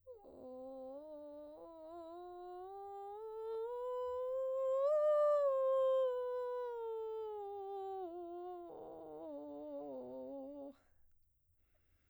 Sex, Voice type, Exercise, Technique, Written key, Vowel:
female, soprano, scales, vocal fry, , o